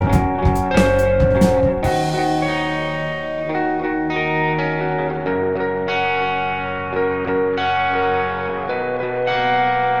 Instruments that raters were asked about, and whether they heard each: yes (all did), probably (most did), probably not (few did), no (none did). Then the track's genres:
guitar: yes
Pop; Folk; Singer-Songwriter